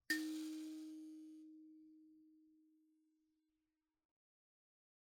<region> pitch_keycenter=63 lokey=63 hikey=63 tune=4 volume=20.100759 offset=4645 ampeg_attack=0.004000 ampeg_release=30.000000 sample=Idiophones/Plucked Idiophones/Mbira dzaVadzimu Nyamaropa, Zimbabwe, Low B/MBira4_pluck_Main_D#3_15_50_100_rr1.wav